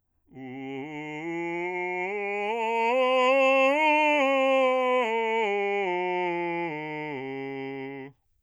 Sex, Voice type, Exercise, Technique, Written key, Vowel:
male, bass, scales, slow/legato forte, C major, u